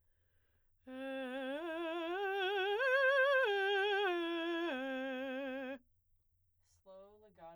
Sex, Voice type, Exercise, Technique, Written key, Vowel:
female, soprano, arpeggios, slow/legato forte, C major, e